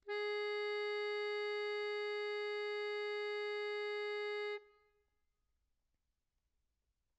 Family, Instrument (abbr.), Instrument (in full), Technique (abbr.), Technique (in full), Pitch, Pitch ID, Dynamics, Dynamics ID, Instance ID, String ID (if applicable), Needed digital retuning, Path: Keyboards, Acc, Accordion, ord, ordinario, G#4, 68, mf, 2, 2, , FALSE, Keyboards/Accordion/ordinario/Acc-ord-G#4-mf-alt2-N.wav